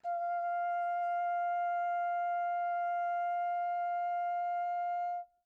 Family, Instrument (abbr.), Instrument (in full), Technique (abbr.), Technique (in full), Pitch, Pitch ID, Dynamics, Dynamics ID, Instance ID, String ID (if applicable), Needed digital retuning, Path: Brass, Hn, French Horn, ord, ordinario, F5, 77, pp, 0, 0, , TRUE, Brass/Horn/ordinario/Hn-ord-F5-pp-N-T11u.wav